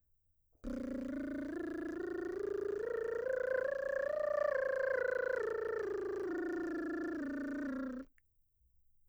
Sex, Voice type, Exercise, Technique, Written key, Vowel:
female, mezzo-soprano, scales, lip trill, , e